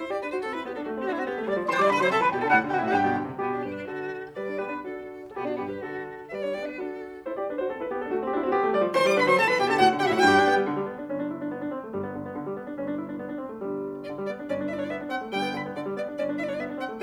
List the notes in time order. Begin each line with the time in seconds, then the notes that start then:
0.00 E4 C5
0.10 G4 D5
0.22 D4 B4
0.33 F#4 C5
0.43 C4 A4
0.55 E4 B4
0.65 B3 G4
0.75 D4 A4
0.85 A3 F#4
0.95 C4
1.06 D4 F#4
1.13 C4 G4
1.18 F#4
1.25 B3 G4
1.36 A3
1.45 G3 D5
1.57 F3
1.70 E3 C5 C6
1.81 G3 D5 D6
1.92 D3 B4 B5
2.02 F#3 C5 C6
2.11 C3 A4 A5
2.22 E3 B4 B5
2.32 B2 G4 G5
2.41 D3 A4 A5
2.52 A2 F#4 F#5
2.62 D3
2.76 C3 F#4 F#5
2.84 G4 G5
2.91 F#4 F#5
2.98 G2 G4 G5
3.09 B2
3.19 D3
3.31 C3
3.45 B2 B3 G4
3.58 D4
3.68 G2 G4 B4
3.78 D4
3.90 D3 F#4 A4
4.37 G3 B4 D5
4.49 D4
4.60 B3 G4 B4
4.70 D4
4.84 D4 F#4 A4
5.28 A4
5.34 B2 B3 G4
5.47 D4 F#4
5.61 G2 B3 G4
5.72 G4 B4
5.83 D3 F#4 A4
6.28 E5
6.34 G3 B4 D5
6.44 D4 C#5
6.55 B3 G4 D5
6.66 D4 B4
6.79 D4 F#4 A4
7.26 E4 C5
7.35 G4 D5
7.49 D4 B4
7.59 F#4 C5
7.71 C4 A4
7.80 E4 B4
7.89 B3 G4
8.00 D4 A4
8.10 A3 F#4
8.20 C4
8.30 D4 F#4
8.36 C4 G4
8.43 F#4
8.50 B3 G4
8.61 A3
8.73 G3 D5
8.82 F3
8.92 E3 C5 C6
9.02 G3 D5 D6
9.14 D3 B4 B5
9.25 F#3 C5 C6
9.36 C3 A4 A5
9.46 E3 B4 B5
9.57 B2 G4 G5
9.67 D3 A4 A5
9.78 A2 F#4 F#5
9.87 D3
9.97 C3 F#4 F#5
10.05 A2 G4 G5
10.12 F#4 F#5
10.22 G2 G4 G5
10.33 D4
10.46 B3
10.57 G3
10.68 D3
10.77 G3
10.89 B3
10.99 D4
11.10 G1 G2 C#4
11.20 D4
11.31 E4
11.41 D4
11.52 B3
11.59 D4
11.73 C4
11.87 A3
11.99 G1 G2 G3
12.10 B3
12.20 D3
12.26 B3
12.36 D3
12.46 G3
12.56 B3
12.68 D4
12.77 G1 G2 C#4
12.88 D4
12.98 E4
13.08 D4
13.18 B3
13.27 D4
13.39 C4
13.53 A3
13.65 G1 G2 G3
14.09 D3 D5
14.21 G3
14.32 B3 D5
14.42 D4
14.51 G1 G2 C#4 D5
14.63 D4
14.72 E4 D5 E5
14.79 D4 C#5 D5
14.87 D5
14.92 B3 E5
15.02 D4
15.12 C4 F#5
15.22 A3
15.33 G1 G2 G3 G5
15.43 B3
15.53 D3 B5
15.67 B3
15.78 D3 D5
15.88 G3
15.99 B3 D5
16.09 D4
16.20 G1 G2 C#4 D5
16.30 D4
16.40 E4 D5 E5
16.47 D4 C#5 D5
16.57 D5
16.61 B3 E5
16.73 D4
16.82 C4 F#5
16.93 A3